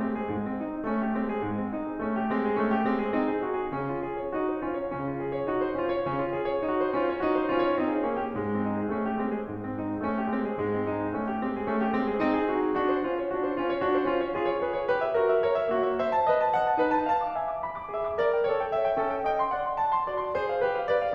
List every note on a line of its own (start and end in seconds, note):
0.01 0.25 G#3
0.01 0.10 C4
0.10 0.25 G#4
0.25 0.63 G#2
0.25 0.33 G#3
0.34 0.63 C4
0.63 0.78 D#4
0.78 0.88 G#4
0.89 1.12 A3
0.89 1.02 C#4
1.02 1.12 G4
1.13 1.47 G#3
1.13 1.29 C4
1.29 1.47 G#4
1.47 1.74 G#2
1.47 1.61 G#3
1.62 1.74 C4
1.74 1.88 D#4
1.89 1.99 G#4
1.99 2.28 A3
1.99 2.18 C#4
2.18 2.28 G4
2.29 2.55 G#3
2.29 2.41 C4
2.41 2.55 G#4
2.55 2.85 A3
2.55 2.73 C#4
2.73 2.85 G4
2.85 3.19 G#3
2.85 3.02 C4
3.04 3.19 G#4
3.19 3.43 C4
3.19 3.30 D#4
3.30 3.43 G#4
3.47 3.71 D#4
3.47 3.57 F#4
3.57 3.71 G#4
3.72 4.05 C#3
3.72 3.92 C#4
3.92 4.05 F4
4.05 4.19 G#4
4.19 4.32 C#5
4.32 4.61 D#4
4.32 4.48 F#4
4.51 4.61 C5
4.61 4.89 C#4
4.61 4.78 F4
4.78 4.89 C#5
4.91 5.29 C#3
4.91 5.16 C#4
5.16 5.29 F4
5.29 5.37 G#4
5.38 5.47 C#5
5.47 5.72 D#4
5.47 5.58 F#4
5.61 5.72 C5
5.72 6.07 C#4
5.72 5.93 F4
5.93 6.07 C#5
6.09 6.37 C#3
6.09 6.25 C#4
6.25 6.37 F4
6.39 6.52 G#4
6.52 6.67 C#5
6.67 6.95 D#4
6.67 6.77 F#4
6.80 6.95 C5
6.95 7.24 C#4
6.95 7.12 F4
7.12 7.24 C#5
7.25 7.54 D#4
7.25 7.40 F#4
7.40 7.54 C5
7.55 7.81 C#4
7.55 7.70 F4
7.70 7.81 C#5
7.81 8.04 C4
7.81 7.90 D#4
7.94 8.04 G#4
8.04 8.28 A#3
8.04 8.16 D#4
8.17 8.28 F#4
8.28 8.67 G#2
8.28 8.38 G#3
8.38 8.67 C4
8.68 8.78 D#4
8.78 8.95 G#4
8.95 9.24 A3
8.95 9.08 C#4
9.08 9.24 G4
9.24 9.53 G#3
9.24 9.34 C4
9.36 9.53 G#4
9.53 9.76 G#2
9.53 9.62 G#3
9.62 9.76 C4
9.77 9.92 D#4
9.92 10.01 G#4
10.03 10.25 A3
10.03 10.12 C#4
10.12 10.25 G4
10.25 10.55 G#3
10.25 10.42 C4
10.43 10.55 G#4
10.55 10.87 G#2
10.55 10.73 G#3
10.75 10.87 C4
10.87 11.09 D#4
11.09 11.20 G#4
11.21 11.46 A3
11.21 11.34 C#4
11.34 11.46 G4
11.46 11.71 G#3
11.46 11.58 C4
11.59 11.71 G#4
11.71 11.98 A3
11.71 11.84 C#4
11.85 11.98 G4
11.98 12.21 G#3
11.98 12.12 C4
12.12 12.21 G#4
12.22 12.54 C4
12.22 12.41 D#4
12.41 12.54 G#4
12.56 12.80 D#4
12.56 12.67 F#4
12.67 12.80 G#4
12.80 13.04 D4
12.80 12.90 F#4
12.93 13.04 C5
13.04 13.97 C#4
13.04 13.71 F4
13.71 13.97 C#5
13.97 14.62 F4
13.97 14.40 G#4
14.40 14.62 C#5
14.63 14.89 G#4
14.63 14.77 B4
14.77 14.89 C#5
14.89 15.12 G4
14.89 15.01 B4
15.02 15.12 E5
15.12 15.42 F#4
15.12 15.24 A#4
15.25 15.42 E5
15.42 15.67 A#4
15.42 15.56 C#5
15.56 15.67 E5
15.68 15.97 A#3
15.68 15.80 F#4
15.80 15.97 E5
16.00 16.22 C5
16.00 16.10 E5
16.10 16.22 A5
16.22 16.52 B4
16.22 16.34 D#5
16.40 16.52 A5
16.52 16.77 D#5
16.52 16.67 F#5
16.67 16.77 A5
16.78 17.11 D#4
16.78 16.91 B4
16.91 17.11 A5
17.12 17.35 F5
17.12 17.24 A5
17.24 17.35 D6
17.35 17.66 E5
17.35 17.53 G#5
17.54 17.66 D6
17.66 17.95 G#5
17.66 17.76 B5
17.83 17.95 D6
17.95 18.20 G#4
17.95 18.11 E5
18.11 18.20 C6
18.21 18.48 A#4
18.21 18.33 D5
18.33 18.48 G5
18.48 18.72 A4
18.48 18.60 C#5
18.60 18.72 G5
18.72 18.98 C#5
18.72 18.83 E5
18.84 18.98 G5
18.98 19.24 C#4
18.98 19.09 A4
19.09 19.24 G5
19.26 19.52 D#5
19.26 19.42 G5
19.42 19.52 C6
19.55 19.82 D5
19.55 19.68 F#5
19.68 19.82 C6
19.82 20.07 F#5
19.82 19.94 A5
19.95 20.07 C6
20.07 20.35 F#4
20.07 20.25 D5
20.25 20.35 C6
20.35 20.64 G#4
20.35 20.56 C5
20.56 20.64 F5
20.65 20.92 G4
20.65 20.78 B4
20.78 20.92 F5
20.92 21.15 A#4
20.92 21.02 D5
21.03 21.15 F5